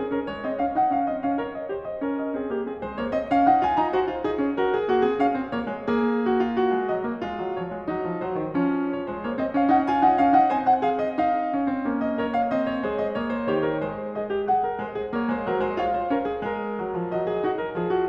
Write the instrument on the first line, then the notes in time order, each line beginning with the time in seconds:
piano
0.00 C4 G#4
0.13 C#4 A#4
0.29 G#3 C#5
0.45 C4 D#5
0.58 C#4 F5
0.75 D#4 F#5
0.92 C#4 F5
1.09 C4 D#5
1.25 C#4 F5
1.39 A#4 C#5
1.54 D#5
1.72 G4 C5
1.88 D#5
2.00 C#4 A#4
2.18 D#5
2.37 C4 G#4
2.52 A#3 G4
2.68 C4 G#4
2.82 G#3 C5
3.00 A#3 C#5
3.12 C4 D#5
3.27 C#4 F5
3.49 D#4 F#5
3.65 F4 G#5
3.77 D#4 A#5
3.97 F#4 C#5
4.03 C5 C#5
4.12 F4 C5
4.24 D#4 G#4
4.41 C#4
4.57 F#4 A#4
4.74 G#4
4.89 A#3 F#4
4.99 C4 G#4
5.20 C#4 F5
5.39 C4
5.55 A#3 C#5
5.74 G#3
5.92 A#3 G#4
6.29 F#4
6.46 F4
6.63 F#4
6.77 G#3
6.91 F#3 D#5
7.07 A#3
7.27 G#3 F4
7.44 F#3
7.58 F3 C#5
7.72 G#3
7.87 F#3 D#4
8.12 F3
8.30 F#3 C5
8.44 D#3
8.61 F3 C#4
8.92 C#5
9.09 G#3 C5
9.25 A#3 C#5
9.37 C4 D#5
9.52 C#4 F5
9.71 D#4 F#5
9.89 F4 G#5
10.04 D#4 F#5
10.18 C#4 F5
10.39 D#4 F#5
10.54 C4 C5 G#5
10.68 F#5
10.83 G#4 F5
11.01 D#5
11.19 D#4 F5
11.56 C#4
11.71 C4
11.89 A#3 C#4
12.04 D#5
12.17 A#4 C#5
12.31 F5
12.52 C4 D#5
12.67 C#5
12.84 G#3 G#4 C5
12.99 D#5
13.17 A#3 C#5
13.33 C5
13.47 D#3 G4 C#5
13.61 A#4
13.79 G#3 C5
14.14 G#4 D#5
14.30 F#4
14.51 G#4 F#5
14.63 A#4
14.80 G#3 C5
14.93 G#4
15.10 A#3 C#5
15.31 G#3 C5
15.45 F#3 A#4
15.62 G#3 C5
15.80 F4 C#5 F5
15.98 C5
16.10 C#4 A#4
16.27 G#4
16.45 G#3 A#4
16.80 F#3
16.99 F3
17.12 F#3 D#5
17.29 G#4
17.45 D#4 F#4
17.58 A#4
17.73 F3 G#4
17.91 F#4